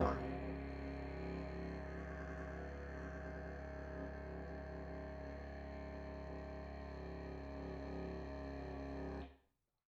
<region> pitch_keycenter=69 lokey=69 hikey=69 volume=5.000000 ampeg_attack=0.004000 ampeg_release=1.000000 sample=Aerophones/Lip Aerophones/Didgeridoo/Didgeridoo1_Sus3_Main.wav